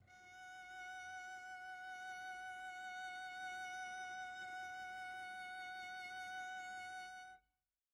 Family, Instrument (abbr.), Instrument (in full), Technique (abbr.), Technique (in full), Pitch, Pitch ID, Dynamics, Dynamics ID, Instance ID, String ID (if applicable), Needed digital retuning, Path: Strings, Vc, Cello, ord, ordinario, F#5, 78, pp, 0, 0, 1, FALSE, Strings/Violoncello/ordinario/Vc-ord-F#5-pp-1c-N.wav